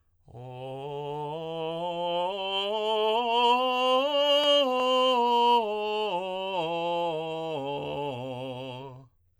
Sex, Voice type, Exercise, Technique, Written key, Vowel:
male, tenor, scales, slow/legato piano, C major, o